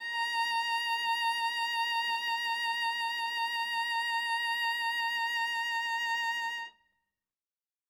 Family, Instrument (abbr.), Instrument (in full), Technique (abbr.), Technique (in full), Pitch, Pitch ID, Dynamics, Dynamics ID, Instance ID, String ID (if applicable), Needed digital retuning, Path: Strings, Va, Viola, ord, ordinario, A#5, 82, ff, 4, 0, 1, TRUE, Strings/Viola/ordinario/Va-ord-A#5-ff-1c-T15u.wav